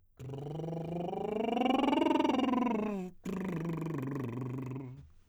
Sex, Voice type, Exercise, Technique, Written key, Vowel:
male, tenor, scales, lip trill, , o